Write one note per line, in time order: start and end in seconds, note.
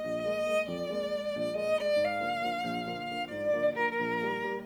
0.01 0.66 A#1
0.01 0.66 D#5
0.21 0.40 G#3
0.21 0.40 A#3
0.41 0.66 G#3
0.41 0.66 A#3
0.66 1.27 F2
0.66 1.58 D5
0.89 1.04 G#3
0.89 1.04 A#3
1.04 1.27 G#3
1.04 1.27 A#3
1.28 1.96 A#1
1.46 1.70 G#3
1.46 1.70 A#3
1.58 1.89 D#5
1.71 1.96 G#3
1.71 1.96 A#3
1.90 1.97 D5
1.97 2.61 G#2
1.97 3.31 F5
2.20 2.40 D3
2.20 2.40 F3
2.20 2.40 A#3
2.41 2.61 D3
2.41 2.61 F3
2.41 2.61 A#3
2.62 3.31 A#1
2.87 3.12 D3
2.87 3.12 F3
2.87 3.12 A#3
3.12 3.31 D3
3.12 3.31 F3
3.12 3.31 A#3
3.33 3.98 G#2
3.33 3.57 D5
3.55 3.72 D3
3.55 3.72 F3
3.55 3.72 A#3
3.73 3.98 D3
3.73 3.98 F3
3.73 3.98 A#3
3.79 3.98 A#4
3.98 4.65 A#1
3.98 4.65 A#4
4.22 4.45 D#3
4.22 4.45 G3
4.22 4.45 A#3
4.45 4.65 D#3
4.45 4.65 G3
4.45 4.65 A#3